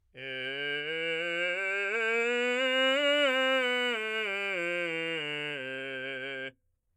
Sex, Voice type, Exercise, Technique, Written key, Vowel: male, , scales, straight tone, , e